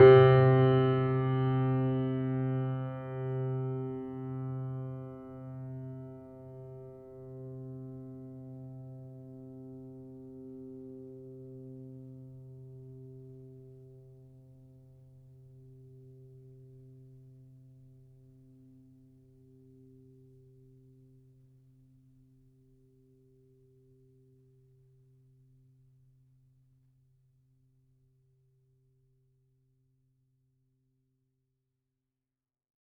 <region> pitch_keycenter=48 lokey=48 hikey=49 volume=-0.120522 lovel=0 hivel=65 locc64=65 hicc64=127 ampeg_attack=0.004000 ampeg_release=0.400000 sample=Chordophones/Zithers/Grand Piano, Steinway B/Sus/Piano_Sus_Close_C3_vl2_rr1.wav